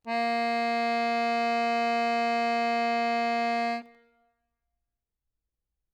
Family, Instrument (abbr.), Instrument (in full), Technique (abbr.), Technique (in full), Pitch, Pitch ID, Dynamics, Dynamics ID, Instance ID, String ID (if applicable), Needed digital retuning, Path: Keyboards, Acc, Accordion, ord, ordinario, A#3, 58, ff, 4, 2, , FALSE, Keyboards/Accordion/ordinario/Acc-ord-A#3-ff-alt2-N.wav